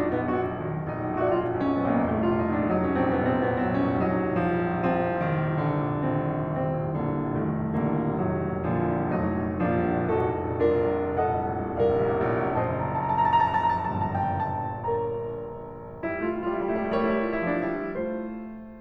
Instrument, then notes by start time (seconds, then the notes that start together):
piano
0.00 A#1 D4
0.07 C2
0.14 A#1 B3
0.26 C2
0.31 A#1 F#4
0.45 C2
0.57 A#1
0.64 C2
0.68 A#1 D#3
0.74 C2
0.82 A#1
0.87 C2
0.94 A#1 D#4
1.00 C2
1.07 A#1
1.11 C2
1.17 A#1 F#4 D5
1.22 C2
1.28 A#1 F4
1.34 C2
1.40 A#1 D#4 D#5
1.50 C2
1.56 A#1 C#4
1.63 C2
1.72 A#1 B3 D#4
1.78 C2
1.86 A#1 A#3
1.93 C2
2.02 A#1 A3
2.10 C2
2.16 A#1 F4
2.29 C2
2.35 A#1 D#4
2.40 C2
2.52 A#1 D4
2.58 C2
2.64 A#1 F#3 D#4
2.69 C2
2.80 A#1 C#4
3.05 C2
3.11 A#1 C4
3.17 C2
3.24 A#1 B3
3.30 C2
3.38 A#1 C4
3.44 C2
3.52 A#1 B3
3.61 C2
3.66 A#1 F#3 C4
3.73 C2
3.77 A#1 C#4
3.89 C2
3.95 A#1 F#3 D#4
3.99 C2
4.31 A#1
4.37 C2
4.48 A#1 F3
4.62 C2
4.68 A#1
4.89 C2
4.96 A#1 F3 C4
5.09 C2
5.18 A#1
5.24 C2
5.29 A#1 D#3
5.36 C2
5.48 A#1
5.56 C2
5.62 A#1 D3
5.70 C2
5.78 A#1
5.85 C2
5.97 A#1 D#3 C4
6.03 C2
6.11 A#1
6.26 C2
6.35 F1 A#1 D#3 C4
6.54 C2
6.69 A#1
6.80 C2
6.98 A#1 D3 A#3
7.11 C2
7.35 F1 C2 D#3 A3
7.52 A#1
7.64 C2
7.81 A#1 D3 A#3
7.91 C2
8.00 A#1
8.12 C2
8.19 F1 A#1 A2 D#3 F#3
8.28 C2
8.42 A#1
8.54 C2
8.66 A#1 A#2 D3 F3
8.96 C2
9.06 A#1
9.15 C2
9.22 F1 A#1 F#3 A3 D#4
9.28 C2
9.42 A#1
9.53 C2
9.66 A#1 F3 A#3 D4
9.74 C2
9.97 A#1
10.02 F1 D#4 F#4 A4
10.10 C2
10.18 A#1
10.30 C2
10.52 A#1 D4 F4 A#4
10.68 C2
10.84 A#1
10.97 C2
11.12 F1 A#1 A4 D#5 F#5
11.37 C2
11.48 A#1
11.62 C2
11.81 A#1 A#4 D5 F5
11.95 C2
12.11 A1
12.55 F#1 A#1 F#2 C5 D#5 A5
12.75 A#5
12.86 A5
13.00 A#5
13.14 A5
13.25 A#5
13.50 A5
13.64 A#5
13.77 G1 G2 A5
13.91 A#5
14.02 A5
14.22 A#5
14.34 A5
14.45 A#5
14.56 G5
14.70 A5
14.83 A#4 C#5 A#5
15.91 G3 E4
16.03 A3 F4
16.14 G3 E4
16.25 A3 F4
16.38 G3 E4
16.50 A3 F4
16.60 G3 E4
16.74 A3 F4
16.92 G3 E4 A#4 C#5
17.02 A3 F4
17.15 G3 E4
17.26 A3 F4
17.37 G3 E4
17.48 A3 F4
17.60 F3 D4
17.71 G3 E4
17.82 A3 F4 C5